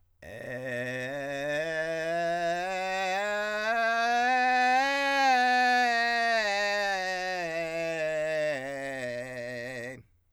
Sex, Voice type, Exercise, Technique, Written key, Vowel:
male, countertenor, scales, vocal fry, , e